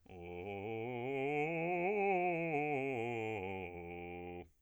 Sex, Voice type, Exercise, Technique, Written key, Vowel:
male, bass, scales, fast/articulated piano, F major, o